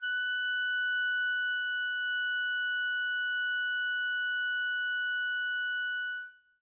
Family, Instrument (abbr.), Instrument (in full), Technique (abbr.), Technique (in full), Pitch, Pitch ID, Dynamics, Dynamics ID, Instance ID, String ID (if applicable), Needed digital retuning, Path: Winds, ClBb, Clarinet in Bb, ord, ordinario, F#6, 90, mf, 2, 0, , TRUE, Winds/Clarinet_Bb/ordinario/ClBb-ord-F#6-mf-N-T10u.wav